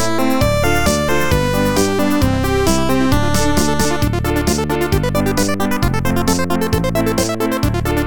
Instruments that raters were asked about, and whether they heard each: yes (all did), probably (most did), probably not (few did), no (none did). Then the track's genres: synthesizer: yes
Chiptune; Chip Music